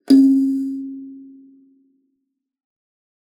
<region> pitch_keycenter=61 lokey=60 hikey=62 tune=43 volume=-2.701336 offset=3641 ampeg_attack=0.004000 ampeg_release=15.000000 sample=Idiophones/Plucked Idiophones/Kalimba, Tanzania/MBira3_pluck_Main_C#3_k16_50_100_rr2.wav